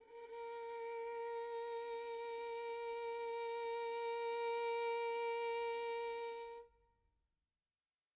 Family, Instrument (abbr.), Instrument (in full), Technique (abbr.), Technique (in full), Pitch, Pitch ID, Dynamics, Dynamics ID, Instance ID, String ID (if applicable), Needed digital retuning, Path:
Strings, Vn, Violin, ord, ordinario, A#4, 70, pp, 0, 3, 4, FALSE, Strings/Violin/ordinario/Vn-ord-A#4-pp-4c-N.wav